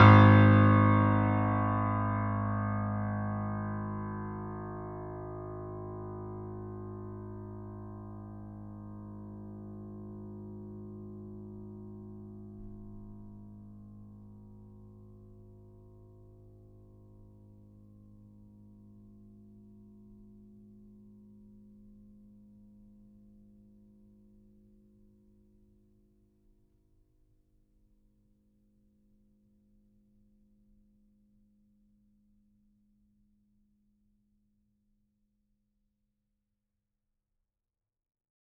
<region> pitch_keycenter=32 lokey=32 hikey=33 volume=-0.315219 lovel=100 hivel=127 locc64=0 hicc64=64 ampeg_attack=0.004000 ampeg_release=0.400000 sample=Chordophones/Zithers/Grand Piano, Steinway B/NoSus/Piano_NoSus_Close_G#1_vl4_rr1.wav